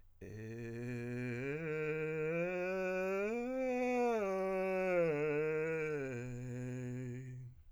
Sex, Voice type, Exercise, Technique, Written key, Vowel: male, countertenor, arpeggios, vocal fry, , e